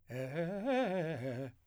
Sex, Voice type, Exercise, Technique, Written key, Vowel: male, , arpeggios, fast/articulated piano, C major, e